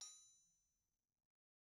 <region> pitch_keycenter=60 lokey=60 hikey=60 volume=38.328723 offset=261 lovel=0 hivel=65 ampeg_attack=0.004000 ampeg_release=15.000000 sample=Idiophones/Struck Idiophones/Anvil/Anvil_Hit1_v1_rr1_Mid.wav